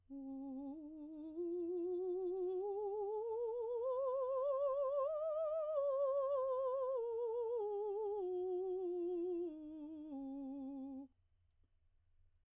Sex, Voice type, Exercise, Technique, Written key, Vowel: female, soprano, scales, slow/legato piano, C major, u